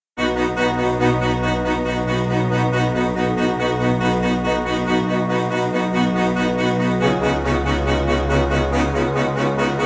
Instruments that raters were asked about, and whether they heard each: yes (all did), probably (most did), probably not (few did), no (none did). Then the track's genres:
organ: probably
trombone: no
trumpet: no
Electronic; Experimental; Ambient; Instrumental